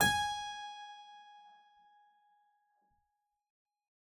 <region> pitch_keycenter=80 lokey=80 hikey=81 volume=1.370039 trigger=attack ampeg_attack=0.004000 ampeg_release=0.350000 amp_veltrack=0 sample=Chordophones/Zithers/Harpsichord, English/Sustains/Normal/ZuckermannKitHarpsi_Normal_Sus_G#4_rr1.wav